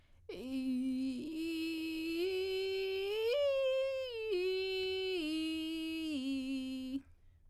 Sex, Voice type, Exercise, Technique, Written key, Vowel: female, soprano, arpeggios, vocal fry, , i